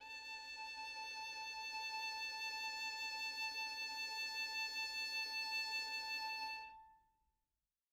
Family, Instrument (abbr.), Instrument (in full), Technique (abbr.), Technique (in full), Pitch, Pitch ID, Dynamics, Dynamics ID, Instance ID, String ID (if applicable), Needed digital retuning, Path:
Strings, Vn, Violin, ord, ordinario, A5, 81, mf, 2, 1, 2, FALSE, Strings/Violin/ordinario/Vn-ord-A5-mf-2c-N.wav